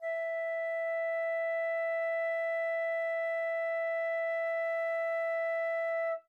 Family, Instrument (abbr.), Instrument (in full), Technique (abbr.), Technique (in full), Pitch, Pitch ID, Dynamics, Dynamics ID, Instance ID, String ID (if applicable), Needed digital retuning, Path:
Winds, Fl, Flute, ord, ordinario, E5, 76, mf, 2, 0, , FALSE, Winds/Flute/ordinario/Fl-ord-E5-mf-N-N.wav